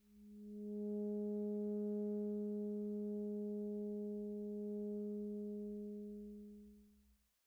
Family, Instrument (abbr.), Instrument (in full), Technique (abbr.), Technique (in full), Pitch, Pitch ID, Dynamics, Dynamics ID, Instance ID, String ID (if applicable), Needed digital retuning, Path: Winds, ASax, Alto Saxophone, ord, ordinario, G#3, 56, pp, 0, 0, , FALSE, Winds/Sax_Alto/ordinario/ASax-ord-G#3-pp-N-N.wav